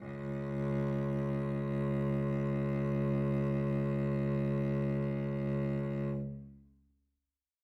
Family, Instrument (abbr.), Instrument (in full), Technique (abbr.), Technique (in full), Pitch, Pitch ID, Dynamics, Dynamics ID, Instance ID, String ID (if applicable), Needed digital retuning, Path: Strings, Vc, Cello, ord, ordinario, C#2, 37, mf, 2, 3, 4, FALSE, Strings/Violoncello/ordinario/Vc-ord-C#2-mf-4c-N.wav